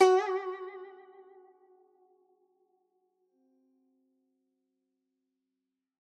<region> pitch_keycenter=66 lokey=65 hikey=67 volume=3.421064 lovel=84 hivel=127 ampeg_attack=0.004000 ampeg_release=0.300000 sample=Chordophones/Zithers/Dan Tranh/Vibrato/F#3_vib_ff_1.wav